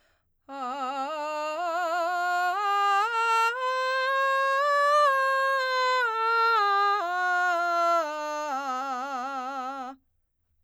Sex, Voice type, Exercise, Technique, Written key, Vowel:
female, soprano, scales, belt, , a